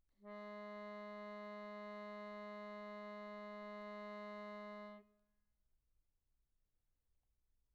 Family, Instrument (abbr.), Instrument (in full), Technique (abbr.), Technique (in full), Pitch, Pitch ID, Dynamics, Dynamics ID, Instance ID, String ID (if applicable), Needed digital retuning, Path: Keyboards, Acc, Accordion, ord, ordinario, G#3, 56, pp, 0, 0, , FALSE, Keyboards/Accordion/ordinario/Acc-ord-G#3-pp-N-N.wav